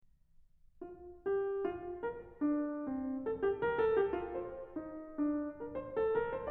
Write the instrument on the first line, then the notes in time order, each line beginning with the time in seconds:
piano
0.03 F4
1.25 G4
1.62 F4
2.00 A#4
2.39 D4
2.84 C4
3.23 A4
3.40 G4
3.59 A#4
3.78 A4
3.96 G4
4.18 F4
4.36 C5
4.78 D#4
5.17 D4
5.61 A#4
5.83 C5
5.99 A4
6.18 A#4
6.35 C5